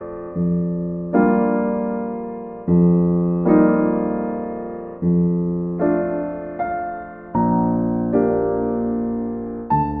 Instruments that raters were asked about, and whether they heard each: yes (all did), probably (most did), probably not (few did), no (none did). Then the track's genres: piano: yes
Classical